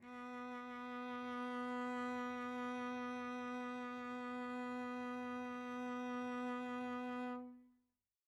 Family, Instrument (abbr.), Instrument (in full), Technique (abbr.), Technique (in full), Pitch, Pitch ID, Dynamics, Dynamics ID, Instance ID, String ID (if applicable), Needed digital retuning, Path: Strings, Vc, Cello, ord, ordinario, B3, 59, pp, 0, 1, 2, FALSE, Strings/Violoncello/ordinario/Vc-ord-B3-pp-2c-N.wav